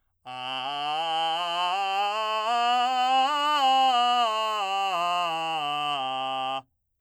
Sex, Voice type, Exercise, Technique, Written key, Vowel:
male, , scales, belt, , a